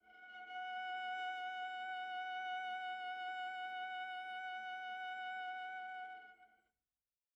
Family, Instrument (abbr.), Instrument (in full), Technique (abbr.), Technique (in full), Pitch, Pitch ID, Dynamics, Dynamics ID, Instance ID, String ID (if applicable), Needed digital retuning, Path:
Strings, Va, Viola, ord, ordinario, F#5, 78, pp, 0, 2, 3, FALSE, Strings/Viola/ordinario/Va-ord-F#5-pp-3c-N.wav